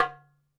<region> pitch_keycenter=61 lokey=61 hikey=61 volume=-0.107565 lovel=84 hivel=127 seq_position=1 seq_length=2 ampeg_attack=0.004000 ampeg_release=30.000000 sample=Membranophones/Struck Membranophones/Darbuka/Darbuka_2_hit_vl2_rr1.wav